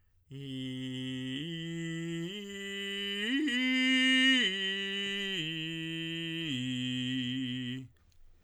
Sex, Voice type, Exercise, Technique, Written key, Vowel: male, tenor, arpeggios, straight tone, , i